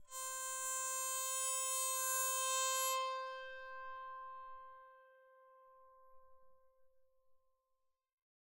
<region> pitch_keycenter=72 lokey=72 hikey=73 tune=-1 volume=17.862948 offset=3342 ampeg_attack=0.004000 ampeg_release=2.000000 sample=Chordophones/Zithers/Psaltery, Bowed and Plucked/LongBow/BowedPsaltery_C4_Main_LongBow_rr1.wav